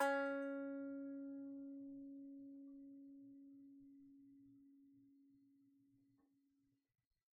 <region> pitch_keycenter=61 lokey=61 hikey=61 volume=4.695340 lovel=66 hivel=99 ampeg_attack=0.004000 ampeg_release=15.000000 sample=Chordophones/Composite Chordophones/Strumstick/Finger/Strumstick_Finger_Str2_Main_C#3_vl2_rr1.wav